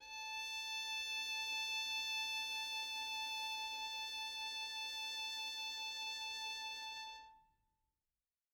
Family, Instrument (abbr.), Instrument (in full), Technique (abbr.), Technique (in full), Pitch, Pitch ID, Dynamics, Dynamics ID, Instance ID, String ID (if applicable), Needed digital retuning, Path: Strings, Vn, Violin, ord, ordinario, A5, 81, mf, 2, 0, 1, FALSE, Strings/Violin/ordinario/Vn-ord-A5-mf-1c-N.wav